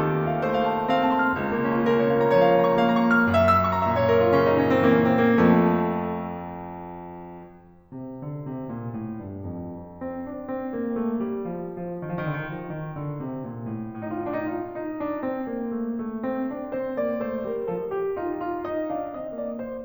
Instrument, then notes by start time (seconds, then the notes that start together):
piano
0.00 D#3 A4
0.13 C5
0.35 A5
0.43 A3 C5
0.53 F5
0.67 A5
0.77 C6
0.88 C4 F5
1.02 A5
1.11 C6
1.27 F6
1.38 C#2
1.52 A#3
1.71 C#4
1.81 F4
1.93 C#3 A#4
2.03 C#5
2.26 A#5
2.37 F3 C#5
2.47 F5
2.59 A#5
2.68 C#6
2.79 A#3 F5
2.89 A#5
2.98 C#6
3.09 F6
3.29 F#2 E5
3.45 E6
3.58 C#6
3.73 A#5
3.87 A#2 E5
4.01 C#5
4.11 A#4
4.24 E4
4.32 C#3 C#4
4.47 D#4
4.59 C#4
4.70 C4
4.83 E3 A#3
4.95 C#4
5.06 C4
5.22 A#3
5.40 F2 F3 A3
7.92 C3
8.20 D3
8.46 C3
8.70 A#2
8.92 A2
9.22 G2
9.47 F2
9.85 F2
10.08 C4
10.30 D4
10.55 C4
10.75 A#3
10.99 A3
11.25 G3
11.47 F3
11.75 F3
12.05 D#3
12.13 F3
12.24 D#3
12.32 F3
12.59 D#3
13.04 D3
13.24 C3
13.44 A#2
13.61 A2
13.82 A2
14.02 D#4
14.15 F4
14.23 D#4
14.30 F4
14.56 D#4
14.90 D4
15.20 C4
15.45 A#3
15.72 A3
15.99 A3
16.25 C4
16.50 D4
16.73 C4 C5
16.96 A#3 D5
17.24 A3 C5
17.48 G3 A#4
17.72 F3 A4
17.90 G4
18.18 D#4 F4
18.43 F4
18.65 D#4 D#5
18.92 D4
19.24 C4 D#5
19.42 A#3 D5
19.61 A3 C5